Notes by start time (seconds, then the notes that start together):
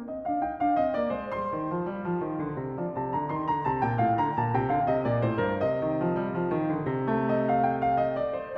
0.00 C4 D#5
0.22 D4 F5
0.38 D#4 G5
0.59 D4 F5
0.81 C4 D#5
0.95 A#3 D5
1.13 G#3 C5
1.30 C6
1.37 G3
1.54 D#3
1.71 F3
1.88 G3
2.01 F3
2.21 D#3
2.37 D3
2.54 C3
2.76 F3 D5
2.96 C3 A5
3.10 D3 A#5
3.31 D#3 C6
3.47 D3 A#5
3.66 C3 A5
3.81 A#2 G5
3.97 A2 F5
4.17 D3 A#5
4.37 A#2 A5
4.53 C3 G5
4.68 D3 F5
4.88 C3 D#5
5.05 A#2 D5
5.22 A2 C5
5.38 G2 A#4
5.58 D#5
5.82 D#3
6.03 F3
6.18 G3
6.33 F3
6.47 D#3
6.66 D3
6.88 C3
7.11 A3
7.29 D#5
7.49 F5
7.66 G5
7.84 F5
8.03 D#5
8.23 D5
8.39 C5
8.56 D5